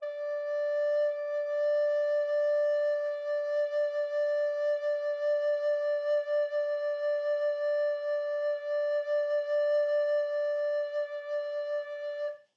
<region> pitch_keycenter=74 lokey=74 hikey=75 tune=-2 volume=15.680772 offset=592 ampeg_attack=0.004000 ampeg_release=0.300000 sample=Aerophones/Edge-blown Aerophones/Baroque Alto Recorder/SusVib/AltRecorder_SusVib_D4_rr1_Main.wav